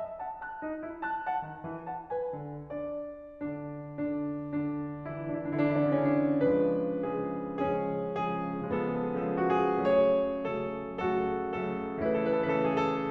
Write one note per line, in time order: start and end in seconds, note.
0.00 0.19 E5
0.20 0.41 F#5
0.20 0.41 A5
0.42 0.59 A5
0.42 0.59 F#6
0.59 0.78 D#4
0.79 0.99 E4
1.00 1.23 A5
1.00 1.23 F#6
1.24 1.47 F#5
1.24 1.47 A5
1.49 1.63 D#3
1.63 1.86 E3
1.87 2.09 F#5
1.87 2.09 A5
2.10 2.32 B4
2.10 2.32 G#5
2.33 2.72 D3
2.74 3.46 D4
2.74 3.46 D5
3.47 3.99 D3
3.47 3.99 D4
4.02 4.63 D3
4.02 4.63 D4
4.64 5.15 D3
4.64 5.15 D4
5.17 5.27 D3
5.17 5.27 D4
5.27 5.46 E3
5.27 5.46 E4
5.46 5.62 D3
5.46 5.62 D4
5.62 5.75 E3
5.62 5.75 E4
5.75 5.85 D3
5.75 5.85 D4
5.87 5.94 E3
5.87 5.94 E4
5.96 6.11 C#3
5.96 6.11 C#4
6.12 6.46 D3
6.12 6.46 D4
6.47 7.06 C#3
6.47 7.06 F3
6.47 7.06 G#3
6.47 7.56 D4
6.47 7.06 B4
7.07 7.56 C#3
7.07 7.56 F3
7.07 7.56 G#3
7.07 7.56 G#4
7.56 8.03 C#3
7.56 8.03 F3
7.56 8.03 G#3
7.56 8.72 C#4
7.56 8.03 G#4
8.05 8.72 C#3
8.05 8.72 F3
8.05 8.72 G#3
8.05 8.72 G#4
8.73 9.21 C#3
8.73 9.21 F3
8.73 9.21 G#3
8.73 9.85 B3
8.73 8.81 G#4
8.84 8.92 A4
8.93 9.07 G#4
9.07 9.21 A4
9.21 9.85 C#3
9.21 9.85 F3
9.21 9.85 G#3
9.21 9.33 G#4
9.33 9.44 A4
9.44 9.58 F#4
9.58 9.85 G#4
9.87 10.61 C#3
9.87 10.61 F#3
9.87 10.61 A3
9.87 11.11 G#4
9.87 10.61 C#5
10.62 11.11 C#3
10.62 11.11 F#3
10.62 11.11 A3
10.62 11.11 A4
11.12 11.56 C#3
11.12 11.56 F#3
11.12 11.56 A3
11.12 12.06 F#4
11.12 11.56 A4
11.56 12.06 C#3
11.56 12.06 F#3
11.56 12.06 A3
11.56 12.06 A4
12.07 12.52 C#3
12.07 12.52 E3
12.07 12.52 A3
12.07 13.11 E4
12.07 12.18 A4
12.19 12.29 B4
12.31 12.40 A4
12.41 12.52 B4
12.53 13.11 C#3
12.53 13.11 E3
12.53 13.11 A3
12.53 12.64 A4
12.65 12.78 B4
12.78 12.90 G#4
12.90 13.11 A4